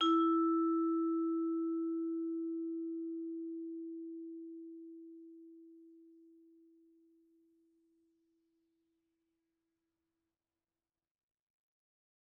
<region> pitch_keycenter=64 lokey=63 hikey=65 volume=13.662226 offset=115 lovel=0 hivel=83 ampeg_attack=0.004000 ampeg_release=15.000000 sample=Idiophones/Struck Idiophones/Vibraphone/Hard Mallets/Vibes_hard_E3_v2_rr1_Main.wav